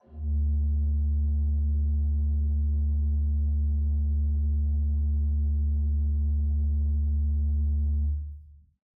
<region> pitch_keycenter=38 lokey=38 hikey=39 tune=1 offset=1847 ampeg_attack=0.004000 ampeg_release=0.300000 amp_veltrack=0 sample=Aerophones/Edge-blown Aerophones/Renaissance Organ/8'/RenOrgan_8foot_Room_D1_rr1.wav